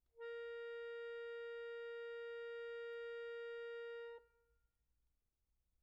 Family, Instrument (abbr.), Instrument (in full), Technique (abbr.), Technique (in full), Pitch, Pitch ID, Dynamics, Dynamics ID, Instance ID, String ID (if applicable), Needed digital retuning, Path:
Keyboards, Acc, Accordion, ord, ordinario, A#4, 70, pp, 0, 2, , FALSE, Keyboards/Accordion/ordinario/Acc-ord-A#4-pp-alt2-N.wav